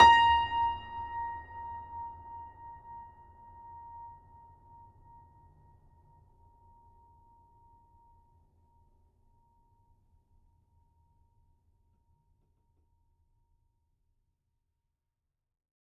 <region> pitch_keycenter=82 lokey=82 hikey=83 volume=-0.701287 lovel=100 hivel=127 locc64=65 hicc64=127 ampeg_attack=0.004000 ampeg_release=0.400000 sample=Chordophones/Zithers/Grand Piano, Steinway B/Sus/Piano_Sus_Close_A#5_vl4_rr1.wav